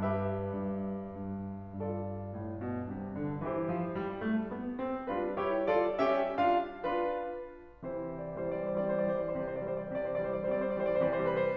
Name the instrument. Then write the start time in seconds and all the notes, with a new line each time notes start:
piano
0.00 G2 G4 B4 E5
0.46 G2
1.03 G2
1.82 G2 F4 A4 D5
2.30 A2
2.62 B2
2.95 C3
3.22 D3
3.45 E3 E4 G4 C5
3.73 F3
3.97 G3
4.25 A3
4.61 B3
4.86 C4
5.10 G3 D4 F4 B4
5.36 E4 G4 C#5
5.70 F4 A4 D5
6.03 C#4 G4 E5
6.36 D4 F4 F5
6.83 D4 F4 B4
7.84 C3 E3 C5
7.99 D5
8.09 E3 G3 C5
8.22 D5
8.42 G3 C4 C5
8.58 D5
8.70 E3 G3 C5
9.10 D5
9.36 C3 E3 C5
9.50 D5
9.62 E3 G3 C5
9.76 D5
9.96 C3 E3 C5
10.08 D5
10.25 E3 G3 C5
10.37 D5
10.54 G3 C4 C5
10.67 D5
10.83 E3 G3 C5
10.95 D5
11.06 C3 E3 C5
11.18 D5
11.28 E3 G3 B4
11.38 C5